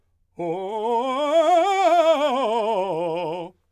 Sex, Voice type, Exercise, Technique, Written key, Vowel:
male, , scales, fast/articulated forte, F major, o